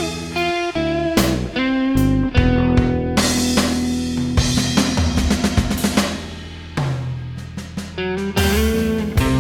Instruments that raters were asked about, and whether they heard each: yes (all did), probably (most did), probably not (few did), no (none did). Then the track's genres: cymbals: yes
saxophone: probably
Jazz; Rock; Instrumental